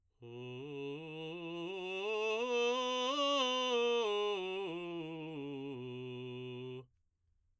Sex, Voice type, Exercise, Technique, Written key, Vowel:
male, baritone, scales, belt, , u